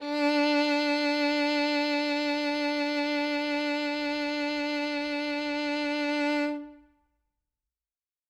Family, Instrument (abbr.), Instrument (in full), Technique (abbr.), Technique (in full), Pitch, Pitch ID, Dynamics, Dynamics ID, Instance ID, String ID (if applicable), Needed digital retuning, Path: Strings, Vn, Violin, ord, ordinario, D4, 62, ff, 4, 3, 4, FALSE, Strings/Violin/ordinario/Vn-ord-D4-ff-4c-N.wav